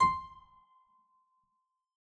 <region> pitch_keycenter=84 lokey=84 hikey=85 volume=2 trigger=attack ampeg_attack=0.004000 ampeg_release=0.350000 amp_veltrack=0 sample=Chordophones/Zithers/Harpsichord, English/Sustains/Lute/ZuckermannKitHarpsi_Lute_Sus_C5_rr1.wav